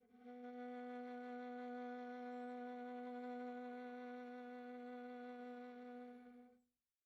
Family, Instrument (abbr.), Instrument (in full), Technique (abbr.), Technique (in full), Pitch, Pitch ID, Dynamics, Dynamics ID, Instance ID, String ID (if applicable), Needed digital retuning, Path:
Strings, Va, Viola, ord, ordinario, B3, 59, pp, 0, 3, 4, FALSE, Strings/Viola/ordinario/Va-ord-B3-pp-4c-N.wav